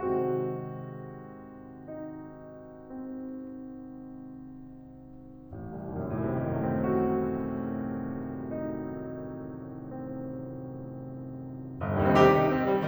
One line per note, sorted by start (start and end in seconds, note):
0.00 5.57 G#2
0.00 5.57 C3
0.00 5.57 D#3
0.00 5.57 F#3
0.00 5.57 G#3
0.00 2.72 C4
0.00 1.86 F#4
1.87 2.72 D#4
2.73 5.57 C4
5.58 5.86 A1
5.76 6.01 C2
5.86 6.12 D#2
6.01 6.21 F#2
6.12 11.80 A2
6.22 11.80 C3
6.33 11.80 D#3
6.43 6.65 F#3
6.55 11.80 A3
6.66 6.86 C4
6.76 8.51 F#4
8.52 9.49 D#4
9.52 11.80 C4
11.87 11.95 G1
11.91 11.99 C2
11.91 12.03 D#2
11.99 12.07 G2
12.04 12.12 C3
12.04 12.16 D#3
12.12 12.20 G3
12.12 12.24 C4
12.20 12.28 D#4
12.25 12.40 G4
12.40 12.54 D#4
12.54 12.70 C4
12.71 12.88 G3